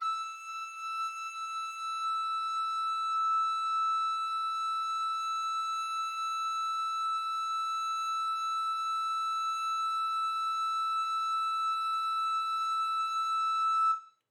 <region> pitch_keycenter=88 lokey=88 hikey=89 volume=17.987521 offset=194 ampeg_attack=0.005000 ampeg_release=0.300000 sample=Aerophones/Edge-blown Aerophones/Baroque Soprano Recorder/Sustain/SopRecorder_Sus_E5_rr1_Main.wav